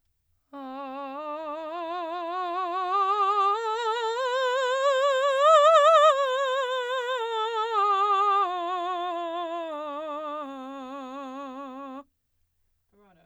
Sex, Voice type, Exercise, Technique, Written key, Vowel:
female, soprano, scales, vibrato, , a